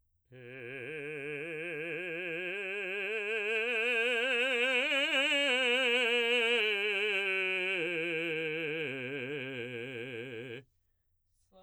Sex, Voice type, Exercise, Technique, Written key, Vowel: male, baritone, scales, slow/legato forte, C major, e